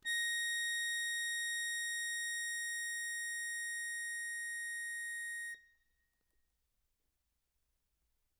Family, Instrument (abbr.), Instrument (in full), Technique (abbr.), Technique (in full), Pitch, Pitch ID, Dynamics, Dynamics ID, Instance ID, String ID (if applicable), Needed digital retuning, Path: Keyboards, Acc, Accordion, ord, ordinario, A#6, 94, mf, 2, 0, , FALSE, Keyboards/Accordion/ordinario/Acc-ord-A#6-mf-N-N.wav